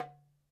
<region> pitch_keycenter=62 lokey=62 hikey=62 volume=8.578147 lovel=0 hivel=83 seq_position=2 seq_length=2 ampeg_attack=0.004000 ampeg_release=30.000000 sample=Membranophones/Struck Membranophones/Darbuka/Darbuka_3_hit_vl1_rr1.wav